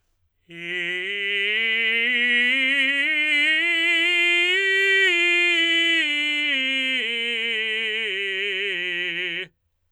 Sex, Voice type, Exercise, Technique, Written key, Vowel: male, tenor, scales, slow/legato forte, F major, i